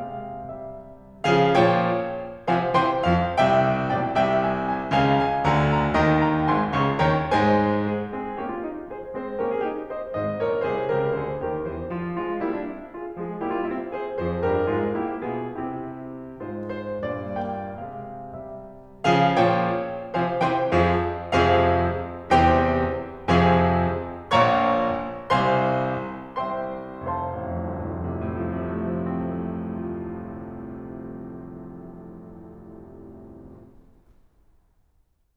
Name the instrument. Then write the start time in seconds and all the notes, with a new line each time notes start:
piano
0.00 C3 G#3 F5
0.42 G3 E5
1.25 C#3 F3 G#4 F5
1.56 A#2 F3 C#5 G5
2.50 C3 F3 C5 F5 G#5
2.79 C3 E3 C5 G5 C6
3.04 F2 F3 F5
3.40 C2 C3 E5 G5
3.90 B1 B2 D5 G5
4.12 C2 C3 E5 G5
4.44 G#5
4.68 G#5
4.92 C#2 C#3 F5 G#5
5.15 G#5
5.42 D2 D3 F5 G#5 A#5
5.69 A#5
5.96 D#2 D#3 D#5 G5 A#5
6.25 G5 A#5
6.49 G#1 G#2 G#5 C6
6.73 C#2 C#3 F5 A#5 C#6
7.00 D#2 D#3 C#5 G5 A#5
7.26 G#2 G#3 C5 G#5
7.80 G#4
8.05 G#3 C4 G#4
8.36 A#3 C#4 G4
8.51 F4
8.61 D#4
8.90 G#4 C5
9.16 G#3 C4 G#4 C5
9.43 A#3 C#4 G4 A#4
9.54 F4 G#4
9.65 D#4 G4
9.90 C5 D#5
10.15 G#1 G#2 C5 D#5
10.41 A#1 A#2 A#4 C#5
10.68 C2 C3 G#4 C5
10.91 C#2 C#3 G4 A#4
11.20 D2 D3 G#4 C5
11.46 D#2 D#3 G4 A#4
11.67 E2 E3 G4 C5
11.91 F4
12.17 F3 G#3 F4
12.42 G3 A#3 E4
12.56 D4
12.68 C4
12.93 F4 G#4
13.22 F3 G#3 F4 G#4
13.44 G3 A#3 E4 G4
13.55 D4 F4
13.69 C4 E4
13.93 G#4 C5
14.18 F2 F3 G#4 C5
14.43 G2 G3 G4 A#4
14.68 G#2 G#3 F4 G#4
14.97 A#2 A#3 E4 G4
15.26 B2 B3 F4 G#4
15.62 C3 C4 E4 G4
16.37 G#2 G#3 F4 C5
16.68 C5
17.00 G2 A#2 D5
17.37 A#3 G5
17.81 C3 G#3 F5
18.37 G3 E5
19.02 C#3 F3 G#4 F5
19.24 A#2 F3 C#5 G5
20.22 C3 F3 C5 F5 G#5
20.47 C3 E3 C5 G5 C6
20.71 F2 F3 G#4 C5 F5
21.35 F2 C3 F3 G#4 C5 F5
22.43 E2 C3 E3 G4 C5 G5
23.42 F2 C3 F3 G#4 C5 F5 G#5
24.46 A#1 A#2 C#5 F5 A#5 C#6
25.45 C2 C3 C5 F5 G#5 C6
26.48 C2 C3 C5 E5 G5 C6
27.05 F1 C5 F5 G#5 C6
27.17 C2
27.35 A1
27.53 F2
27.68 C2
27.81 A2
27.93 F2
28.11 C3
28.25 A2
28.44 F3
28.60 C3
28.79 A3
28.96 F3
29.32 C4
29.49 A3
29.73 F4